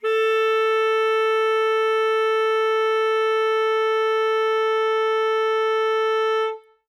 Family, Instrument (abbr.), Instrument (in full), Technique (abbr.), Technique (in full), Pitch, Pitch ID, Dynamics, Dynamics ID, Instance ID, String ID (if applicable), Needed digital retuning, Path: Winds, ASax, Alto Saxophone, ord, ordinario, A4, 69, ff, 4, 0, , FALSE, Winds/Sax_Alto/ordinario/ASax-ord-A4-ff-N-N.wav